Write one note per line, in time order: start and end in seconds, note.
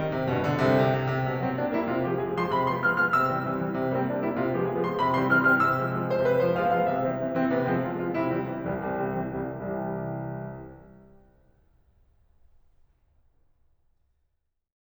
0.00 0.13 D#3
0.13 0.30 C3
0.31 0.65 G1
0.31 0.65 G2
0.31 0.48 B2
0.48 0.65 D3
0.65 0.80 C2
0.65 0.80 C3
0.81 0.93 C3
0.93 1.09 C3
1.09 1.25 C3
1.25 1.39 C3
1.39 1.56 G3
1.39 1.56 A#3
1.39 1.56 C4
1.57 1.73 G3
1.57 1.73 A#3
1.57 1.73 D4
1.73 1.88 G3
1.73 1.88 A#3
1.73 1.88 E4
1.88 2.08 C3
1.88 2.08 F4
2.08 2.28 F3
2.08 2.28 G#3
2.08 2.28 G4
2.28 2.36 F3
2.28 2.36 G#3
2.28 2.36 G#4
2.36 2.53 F3
2.36 2.53 G#3
2.36 2.53 C6
2.54 2.72 C3
2.54 2.72 B5
2.72 2.86 F3
2.72 2.86 G#3
2.72 2.86 B3
2.72 2.86 C6
2.86 3.02 F3
2.86 3.02 G#3
2.86 3.02 B3
2.86 3.02 F6
3.03 3.19 F3
3.03 3.19 G#3
3.03 3.19 B3
3.03 3.19 F6
3.19 3.36 C3
3.19 3.51 E6
3.36 3.51 E3
3.36 3.51 G3
3.36 3.51 C4
3.51 3.66 E3
3.51 3.66 G3
3.51 3.66 C4
3.66 3.82 E3
3.66 3.82 G3
3.66 3.82 C4
3.83 3.96 C3
3.96 4.10 G3
3.96 4.10 A#3
3.96 4.10 C4
4.10 4.23 G3
4.10 4.23 A#3
4.10 4.23 D4
4.24 4.38 G3
4.24 4.38 A#3
4.24 4.38 E4
4.38 4.53 C3
4.38 4.53 F4
4.53 4.63 F3
4.53 4.63 G#3
4.53 4.63 G4
4.64 4.78 F3
4.64 4.78 G#3
4.64 4.78 G#4
4.78 4.96 F3
4.78 4.96 G#3
4.78 4.96 C6
4.96 5.09 C3
4.96 5.09 B5
5.10 5.25 F3
5.10 5.25 G#3
5.10 5.25 B3
5.10 5.25 C6
5.25 5.42 F3
5.25 5.42 G#3
5.25 5.42 B3
5.25 5.42 F6
5.42 5.61 F3
5.42 5.61 G#3
5.42 5.61 B3
5.42 5.61 F6
5.61 5.79 C3
5.61 5.96 E6
5.79 5.96 E3
5.79 5.96 G3
5.79 5.96 C4
5.97 6.11 E3
5.97 6.11 G3
5.97 6.11 C4
6.11 6.23 E3
6.11 6.23 G3
6.11 6.23 C4
6.11 6.23 C5
6.23 6.39 C3
6.23 6.39 B4
6.40 6.57 G3
6.40 6.57 A#3
6.40 6.57 C5
6.57 6.71 G3
6.57 6.71 A#3
6.57 6.71 F5
6.71 6.87 G3
6.71 6.87 A#3
6.71 6.87 F5
6.88 7.06 C3
6.88 7.24 E5
7.06 7.24 E3
7.06 7.24 G3
7.06 7.24 C4
7.24 7.36 E3
7.24 7.36 G3
7.24 7.36 C4
7.36 7.52 E3
7.36 7.52 G3
7.36 7.52 C4
7.52 7.70 C3
7.52 7.70 B3
7.71 7.87 G3
7.71 7.87 A#3
7.71 7.87 C4
7.87 8.00 G3
7.87 8.00 A#3
7.87 8.00 F4
8.00 8.16 G3
8.00 8.16 A#3
8.00 8.16 F4
8.16 8.34 C3
8.16 8.51 E4
8.34 8.51 E3
8.34 8.51 G3
8.34 8.51 C4
8.52 8.71 E3
8.52 8.71 G3
8.52 8.71 C4
8.72 8.90 C2
8.72 8.90 E3
8.72 8.90 G3
8.72 8.90 C4
8.90 9.22 C2
8.90 9.06 C3
9.06 9.22 E3
9.06 9.22 G3
9.06 9.22 C4
9.22 9.43 E3
9.22 9.43 G3
9.22 9.43 C4
9.43 9.76 C2
9.43 9.76 E3
9.43 9.76 G3
9.43 9.76 C4
9.78 10.79 C2
9.78 10.79 C3
9.78 10.79 E3
9.78 10.79 G3
14.71 14.76 C4